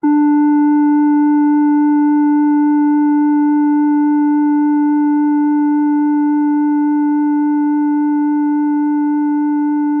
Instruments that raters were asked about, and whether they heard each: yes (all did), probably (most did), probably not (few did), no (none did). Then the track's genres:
clarinet: probably not
trumpet: no
voice: no
Electronic; Experimental; Electroacoustic